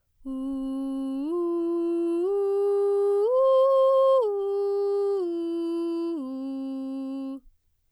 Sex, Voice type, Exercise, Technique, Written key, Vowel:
female, soprano, arpeggios, straight tone, , u